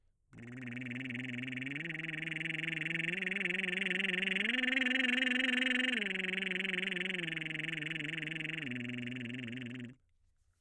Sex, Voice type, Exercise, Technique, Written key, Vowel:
male, baritone, arpeggios, lip trill, , i